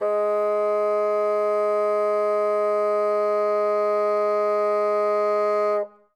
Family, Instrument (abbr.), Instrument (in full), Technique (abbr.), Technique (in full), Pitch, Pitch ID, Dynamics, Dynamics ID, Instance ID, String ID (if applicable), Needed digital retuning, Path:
Winds, Bn, Bassoon, ord, ordinario, G#3, 56, ff, 4, 0, , FALSE, Winds/Bassoon/ordinario/Bn-ord-G#3-ff-N-N.wav